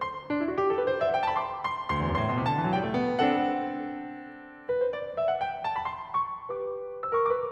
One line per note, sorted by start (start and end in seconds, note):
0.00 0.30 C6
0.30 0.39 D4
0.41 0.48 E4
0.49 0.58 F#4
0.59 0.66 G4
0.67 0.77 A4
0.77 0.86 B4
0.86 0.93 C5
0.93 0.99 D5
0.99 1.07 E5
1.07 1.13 F#5
1.13 1.18 G5
1.18 1.28 A5
1.29 1.34 B5
1.35 1.60 C6
1.61 1.92 C6
1.92 1.99 D2
1.92 2.21 C6
2.00 2.05 E2
2.05 2.11 F#2
2.11 2.21 G2
2.21 2.32 A2
2.21 2.48 C6
2.33 2.40 B2
2.40 2.48 C3
2.50 2.58 D3
2.50 2.76 A5
2.59 2.67 E3
2.68 2.76 F#3
2.76 2.84 G3
2.76 3.05 G5
2.86 2.94 A3
2.95 3.05 B3
3.07 4.40 C4
3.07 4.40 D4
3.07 4.40 A4
3.07 4.40 F#5
4.75 4.81 B4
4.81 4.93 C5
4.93 5.18 D5
5.18 5.29 E5
5.31 5.41 F#5
5.41 5.68 G5
5.69 5.82 A5
5.82 5.96 B5
5.96 6.25 C6
6.25 6.47 C#6
6.47 7.19 G4
6.47 6.99 B4
6.47 6.99 D6
6.99 7.09 C5
6.99 7.09 E6
7.09 7.19 A#4
7.09 7.19 C#6
7.20 7.42 G4
7.20 7.42 B4
7.20 7.42 D6